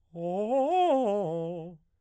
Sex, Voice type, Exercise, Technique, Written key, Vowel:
male, baritone, arpeggios, fast/articulated piano, F major, o